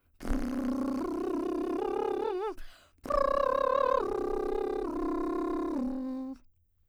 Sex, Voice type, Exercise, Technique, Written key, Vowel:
female, soprano, arpeggios, lip trill, , a